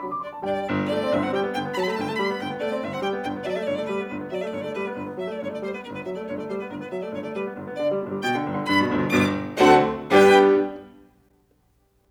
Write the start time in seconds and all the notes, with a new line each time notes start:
0.00 G2 C3 D3 F#3 B5
0.10 D6
0.21 D4 D5 C6
0.31 A5
0.45 G2 B2 D3 G3 D4 D5 G5
0.66 G1
0.91 A3 D5
1.02 C4
1.13 G1 D3 E5
1.22 C4 F#5
1.31 G3 G5
1.43 B3
1.52 G1 D3 G5
1.61 B3
1.72 F#3 A5
1.78 B5
1.83 A3 A5
1.88 B5
1.95 G1 D3 A5
2.02 A3 G5
2.09 A5
2.16 G3 B5
2.28 B3
2.40 G1 D3 G5
2.51 B3
2.61 A3 D5
2.72 C4
2.83 G1 D3 E5
2.93 C4 F#5
3.03 G3 G5
3.13 B3
3.25 G1 D3 G5
3.37 B3
3.46 F#3 D5
3.52 E5
3.56 A3 D5
3.62 E5
3.67 G1 D3 D5
3.73 A3 C#5
3.80 D5
3.85 G3 B4
3.96 B3
4.06 G1 D3
4.18 B3
4.27 F#3 D5
4.32 E5
4.41 A3 D5
4.47 E5
4.52 G1 D3 D5
4.60 C#5
4.64 A3
4.69 D5
4.76 G3 B4
4.86 B3
4.97 G1 D3
5.07 B3
5.19 F#3 E5
5.29 A3 D5
5.39 G1 D3 C#5
5.49 A3 D5
5.61 G3 C5
5.71 B3 B4
5.82 G1 D3 A#4
5.92 B3 B4
6.03 F#3 E5
6.13 A3 D5
6.27 G1 D3 C#5
6.37 A3 D5
6.49 G3 C5
6.58 B3 B4
6.69 G1 D3 A#4
6.79 B3 B4
6.90 F#3 E5
7.00 A3 D5
7.14 G1 D3 C#5
7.24 A3 D5
7.33 G3 B4
7.44 B3
7.55 G1 D3
7.65 B3
7.73 D3 D5
7.84 G3
7.93 G1 B2
8.03 G3
8.14 B2 G5
8.27 D3
8.37 G1 G2
8.51 D3
8.61 G2 B5
8.72 B2
8.85 G1 D2
8.95 B2
9.08 G1 B2 D6
9.52 D2 D3 A3 C4 D4 F#4 A4 F#5
10.08 G2 G3 B3 D4 G4 B4 G5